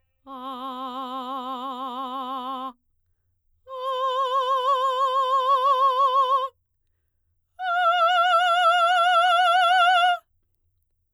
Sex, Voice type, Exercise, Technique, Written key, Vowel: female, soprano, long tones, full voice forte, , a